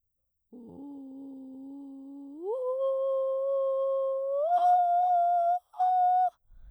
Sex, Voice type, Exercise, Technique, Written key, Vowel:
female, soprano, long tones, inhaled singing, , o